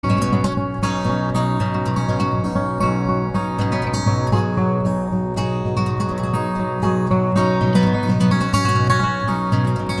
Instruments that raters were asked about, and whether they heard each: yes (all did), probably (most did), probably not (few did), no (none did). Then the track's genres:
saxophone: no
synthesizer: no
guitar: yes
organ: no
Folk; Instrumental